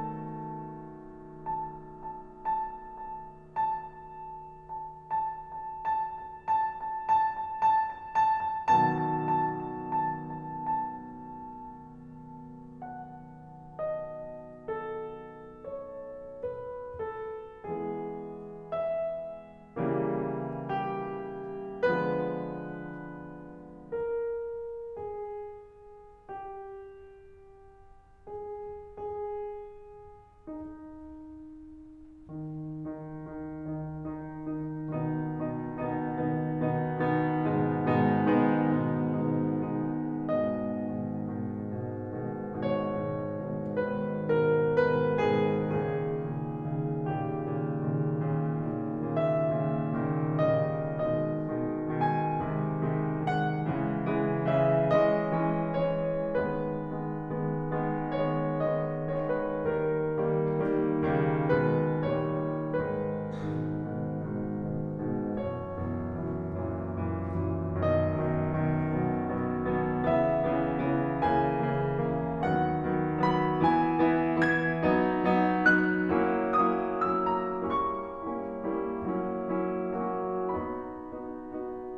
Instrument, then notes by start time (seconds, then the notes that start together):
piano
0.00 B2 D#3 F#3 A3 A4
1.99 A5
2.41 A5
2.80 A5
3.17 A5
3.56 A5
3.94 A5
4.27 A5
4.70 A5
5.12 A5
5.50 A5
5.93 A5
6.51 A5
7.26 A5
7.70 A5
8.21 A5
8.72 B2 D#3 F#3 A5
8.99 A5
9.24 A5
9.39 A5
9.61 A5
9.91 A5
10.05 A5
10.30 A5
10.67 A5
11.10 A5
11.62 A5
12.83 F#5
13.77 D#5
14.71 A4
15.65 C#5
16.36 B4
17.06 A4
17.73 E3 G#3 B3 G#4
18.75 E5
19.80 C#3 E3 G3 A#3
20.72 G4
21.85 D3 F3 G#3 B3 B4
23.94 A#4
24.96 G#4
26.17 G4
28.26 G#4
28.56 G#4
30.49 D#4
31.87 D#3 D#4
32.37 D#3 D#4
32.93 D#3 D#4
33.41 D#3 D#4
33.88 D#3 D#4
34.39 D#3 D#4
34.93 B2 D#3 B3 D#4
35.35 B2 D#3 B3 D#4
35.81 B2 D#3 B3 D#4
36.28 B2 D#3 B3 D#4
36.78 B2 D#3 B3 D#4
37.15 B2 D#3 B3 D#4
37.54 G#2 B2 D#3 G#3 B3 D#4
37.91 G#2 B2 D#3 G#3 B3 D#4
38.37 G#2 B2 D#3 G#3 B3 D#4
38.93 G#2 B2 D#3 G#3 B3 D#4
39.45 G#2 B2 D#3 G#3 B3 D#4
39.92 G#2 B2 D#3 G#3 B3 D#4
40.29 G#2 B2 D#3 D#5
40.75 G#2 B2 D#3
41.19 G#2 B2 D#3
41.64 G#2 B2 D#3
42.13 G#2 B2 D#3
42.59 G#2 B2 D#3 C#5
42.97 G#2 B2 D#3
43.40 G#2 B2 D#3
43.85 G#2 B2 D#3 B4
44.37 G#2 B2 D#3 A#4
44.97 G#2 B2 D#3 B4
45.42 G#2 B2 D#3 G#4
45.87 A#2 C#3 D#3 G#4
46.30 A#2 C#3 D#3
46.72 A#2 C#3 D#3
47.09 A#2 C#3 D#3 G4
47.52 A#2 C#3 D#3
47.96 A#2 C#3 D#3
48.39 A#2 C#3 D#3
48.83 A#2 C#3 D#3
49.23 A#2 C#3 D#3 E5
49.62 A#2 C#3 D#3
50.10 A#2 C#3 D#3
50.57 A#2 C#3 D#3 G3 D#5
51.06 B2 D#3 G#3 D#5
51.58 B2 D#3 G#3
52.00 B2 D#3 G#3 G#5
52.42 C3 D#3 G#3
52.93 C3 D#3 G#3
53.35 C3 D#3 G#3 F#5
53.78 C#3 E3 G#3
54.16 C#3 E3 G#3
54.52 C#3 E3 G#3 E5
54.92 E3 G#3 C#4 D#5
55.33 E3 G#3 C#4
55.88 E3 G#3 C#4 C#5
56.35 D#3 G#3 B3 B4
56.84 D#3 G#3 B3
57.30 D#3 G#3 B3
57.78 D#3 G#3 B3
58.28 D#3 G#3 B3 C#5
58.89 D#3 G#3 B3 D#5
59.23 C#5
59.40 B4
59.57 D#3 G3 A#3 A#4
60.12 D#3 G3 A#3
60.64 D#3 G3 A#3
61.08 C#3 D#3 G3 A#3
61.52 B2 D#3 G#3 B4
62.04 A#2 D#3 G3 C#5
62.69 G#2 D#3 G#3 B4
63.16 G#2 B2 D#3
63.58 G#2 B2 D#3
63.97 G#2 B2 D#3
64.45 G#2 B2 D#3
64.91 G#2 B2 D#3
65.34 F#2 B2 E3 C#5
65.72 F#2 B2 E3
66.10 F#2 B2 E3
66.50 F#2 B2 E3
66.86 F#2 B2 E3
67.33 F#2 B2 E3
67.77 F#2 B2 D#3 D#5
68.16 F#2 B2 D#3
68.56 F#2 B2 D#3
68.99 B2 F#3 B3
69.32 B2 F#3 B3
69.78 B2 F#3 B3
70.05 C#3 E3 B3 E5
70.44 C#3 E3 B3
70.90 C#3 E3 B3
71.20 C#3 E3 A#3 G#5
71.61 C#3 E3 A#3
71.97 C#3 E3 A#3
72.45 D#3 F#3 B3 F#5
72.91 D#3 F#3 B3
73.28 D#3 F#3 B3 B5
73.63 E3 B3 E4 G#5
74.01 E3 B3 E4
74.40 E3 B3 E4 G#6
74.85 F#3 B3 D#4
75.28 F#3 B3 D#4
75.74 F#3 B3 D#4 F#6
76.12 F#3 A#3 C#4 E4
76.54 F#3 A#3 C#4 E4 D#6
77.01 F#3 A#3 C#4 E4 E6
77.31 A#5
77.59 G3 A#3 C#4 E4 C#6
78.11 G3 A#3 C#4 E4
78.54 G3 A#3 C#4 E4
78.98 F#3 A#3 C#4 E4
79.47 F#3 A#3 C#4 E4
79.98 F#3 A#3 C#4 F#4
80.52 B3 D#4 F#4 B5
81.05 B3 D#4 F#4
81.54 B3 D#4 F#4